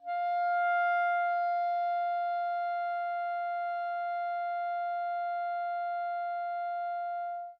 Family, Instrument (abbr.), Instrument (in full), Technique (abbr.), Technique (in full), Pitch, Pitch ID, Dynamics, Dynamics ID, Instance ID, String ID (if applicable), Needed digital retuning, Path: Winds, ClBb, Clarinet in Bb, ord, ordinario, F5, 77, mf, 2, 0, , FALSE, Winds/Clarinet_Bb/ordinario/ClBb-ord-F5-mf-N-N.wav